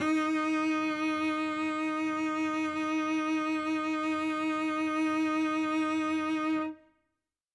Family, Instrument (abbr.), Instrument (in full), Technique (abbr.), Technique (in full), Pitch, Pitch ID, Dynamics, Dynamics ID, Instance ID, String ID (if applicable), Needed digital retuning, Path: Strings, Vc, Cello, ord, ordinario, D#4, 63, ff, 4, 1, 2, TRUE, Strings/Violoncello/ordinario/Vc-ord-D#4-ff-2c-T12u.wav